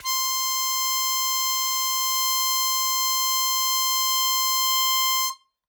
<region> pitch_keycenter=84 lokey=83 hikey=86 tune=-1 volume=8.024193 trigger=attack ampeg_attack=0.100000 ampeg_release=0.100000 sample=Aerophones/Free Aerophones/Harmonica-Hohner-Special20-F/Sustains/Accented/Hohner-Special20-F_Accented_C5.wav